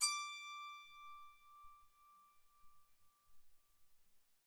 <region> pitch_keycenter=86 lokey=86 hikey=87 tune=-1 volume=11.730918 offset=81 ampeg_attack=0.004000 ampeg_release=15.000000 sample=Chordophones/Zithers/Psaltery, Bowed and Plucked/Spiccato/BowedPsaltery_D5_Main_Spic_rr1.wav